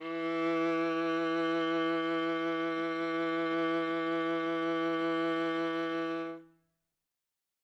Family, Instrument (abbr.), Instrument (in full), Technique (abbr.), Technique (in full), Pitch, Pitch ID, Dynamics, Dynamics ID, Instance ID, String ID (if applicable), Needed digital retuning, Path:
Strings, Va, Viola, ord, ordinario, E3, 52, ff, 4, 3, 4, TRUE, Strings/Viola/ordinario/Va-ord-E3-ff-4c-T23u.wav